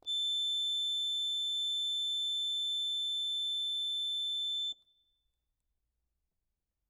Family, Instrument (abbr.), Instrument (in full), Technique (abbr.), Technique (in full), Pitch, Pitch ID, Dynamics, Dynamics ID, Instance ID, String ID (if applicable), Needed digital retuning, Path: Keyboards, Acc, Accordion, ord, ordinario, A7, 105, ff, 4, 0, , FALSE, Keyboards/Accordion/ordinario/Acc-ord-A7-ff-N-N.wav